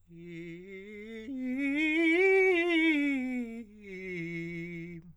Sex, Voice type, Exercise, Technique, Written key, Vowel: male, countertenor, scales, fast/articulated forte, F major, i